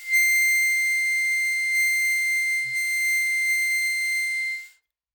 <region> pitch_keycenter=96 lokey=93 hikey=97 tune=-1 volume=5.892811 trigger=attack ampeg_attack=0.004000 ampeg_release=0.100000 sample=Aerophones/Free Aerophones/Harmonica-Hohner-Special20-F/Sustains/Normal/Hohner-Special20-F_Normal_C6.wav